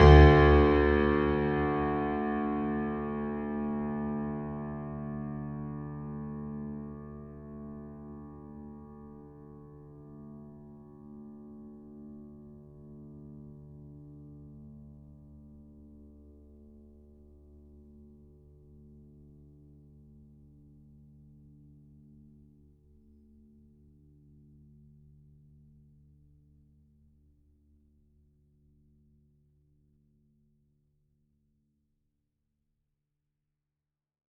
<region> pitch_keycenter=38 lokey=38 hikey=39 volume=0.259109 lovel=66 hivel=99 locc64=65 hicc64=127 ampeg_attack=0.004000 ampeg_release=0.400000 sample=Chordophones/Zithers/Grand Piano, Steinway B/Sus/Piano_Sus_Close_D2_vl3_rr1.wav